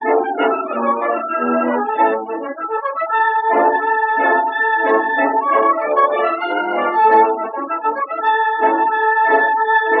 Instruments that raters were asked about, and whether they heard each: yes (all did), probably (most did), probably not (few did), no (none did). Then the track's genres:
accordion: no
trumpet: no
organ: no
trombone: probably
Classical; Old-Time / Historic